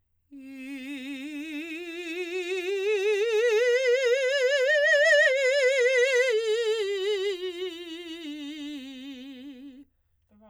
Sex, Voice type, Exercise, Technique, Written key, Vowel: female, soprano, scales, vibrato, , i